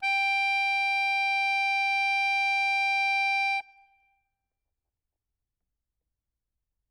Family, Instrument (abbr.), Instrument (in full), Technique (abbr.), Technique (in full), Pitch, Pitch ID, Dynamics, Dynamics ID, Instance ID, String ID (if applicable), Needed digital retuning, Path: Keyboards, Acc, Accordion, ord, ordinario, G5, 79, ff, 4, 0, , FALSE, Keyboards/Accordion/ordinario/Acc-ord-G5-ff-N-N.wav